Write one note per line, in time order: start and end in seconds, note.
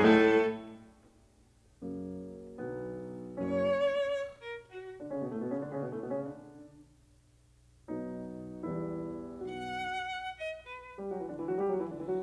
0.00 0.52 A2
0.00 0.52 A3
0.00 0.52 A4
1.86 2.60 F#2
1.86 2.60 C#3
1.86 2.60 F#3
1.86 2.60 A#3
2.60 3.37 B1
2.60 3.37 D3
2.60 3.37 F#3
2.60 3.37 B3
3.38 4.02 F#1
3.38 4.02 F#2
3.38 4.02 F#3
3.38 4.02 A#3
3.38 4.02 C#4
3.38 4.34 C#5
4.35 4.52 A#4
4.60 4.79 F#4
5.02 5.14 D3
5.02 5.14 D4
5.14 5.24 C#3
5.14 5.24 C#4
5.24 5.32 B2
5.24 5.32 B3
5.32 5.42 A2
5.32 5.42 A3
5.42 5.51 B2
5.42 5.51 B3
5.53 5.64 C#3
5.53 5.64 C#4
5.64 5.72 D3
5.64 5.72 D4
5.74 5.83 C#3
5.74 5.83 C#4
5.83 5.93 B2
5.83 5.93 B3
5.93 6.01 A2
5.93 6.01 A3
6.03 6.11 B2
6.03 6.11 B3
6.11 6.18 C#3
6.11 6.18 C#4
6.18 6.35 D3
6.18 6.35 D4
7.89 8.61 B2
7.89 8.61 F#3
7.89 8.61 B3
7.89 8.61 D#4
8.63 9.28 E2
8.63 9.28 G3
8.63 9.28 B3
8.63 9.28 E4
9.28 9.74 B1
9.28 9.74 B2
9.28 9.74 B3
9.28 9.74 D#4
9.28 9.74 F#4
9.28 10.32 F#5
10.33 10.48 D#5
10.54 10.94 B4
10.99 11.09 G3
10.99 11.09 G4
11.09 11.19 F#3
11.09 11.19 F#4
11.19 11.27 E3
11.19 11.27 E4
11.28 11.37 D3
11.28 11.37 D4
11.37 11.47 E3
11.37 11.47 E4
11.48 11.60 F#3
11.48 11.60 F#4
11.60 11.70 G3
11.60 11.70 G4
11.70 11.81 F#3
11.70 11.81 F#4
11.82 11.91 E3
11.82 11.91 E4
11.91 12.00 D3
11.91 12.00 D4
12.02 12.11 E3
12.02 12.11 E4
12.11 12.23 F#3
12.11 12.23 F#4